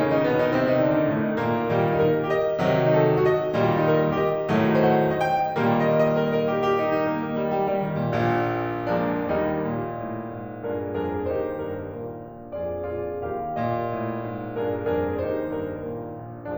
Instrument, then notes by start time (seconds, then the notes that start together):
piano
0.00 C#3 C#4
0.15 D#3 D#4
0.28 B2 B3
0.42 D#3 D#4
0.51 C3 C4
0.65 D#3 D#4
0.82 D3 D4
0.96 D#3 D#4
1.11 A2 A3
1.27 D#3 D#4
1.39 A#2 A#3
1.66 A#2 D#3 G3
1.90 D#4
2.02 A#4
2.24 G4
2.31 D#5
2.61 C3 D#3 F#3
2.84 D#4
2.93 A4
3.15 F#4
3.22 D#5
3.54 A#2 D#3 G3
3.82 D#4
3.90 A#4
4.11 G4
4.18 D#5
4.48 A2 D#3 F#3 A3
4.78 C5
4.86 F#5
5.22 D#5
5.31 G5
5.61 A#2 D#3 G3 A#3
5.85 D#5
6.08 D#5
6.28 A#4
6.42 A#4
6.58 G4
6.72 G4
6.88 D#4
7.05 D#4
7.19 A#3
7.31 A#3
7.45 G3
7.60 G3
7.74 D#3
7.88 D#3
8.03 A#2
8.20 A#1 A#2
8.96 F3 G#3 A#3 D4
9.30 D#2 G3 A#3 D#4
9.61 A#2
9.98 A2
10.32 G#2
10.63 G2 D4 F4 G#4 A#4
10.95 F2 D4 F4 G#4 A#4
11.27 D#2 D#4 G4 C5
11.56 G2 A#4
11.97 A#2
12.29 A#1
12.60 F2 F4 G#4 D5
12.90 A#2 F4 G#4 D5
13.32 D#2 G4 A#4 F5
13.61 A#2 D#5
13.94 A2
14.25 G#2
14.58 G2 D4 F4 G#4 A#4
14.95 F2 D4 F4 G#4 A#4
15.29 D#2 D#4 G4 C5
15.59 G2 A#4
15.89 A#2
16.24 A#1